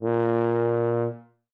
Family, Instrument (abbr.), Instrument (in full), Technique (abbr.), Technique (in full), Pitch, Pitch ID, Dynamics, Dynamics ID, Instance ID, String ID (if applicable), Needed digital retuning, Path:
Brass, BTb, Bass Tuba, ord, ordinario, A#2, 46, ff, 4, 0, , TRUE, Brass/Bass_Tuba/ordinario/BTb-ord-A#2-ff-N-T19u.wav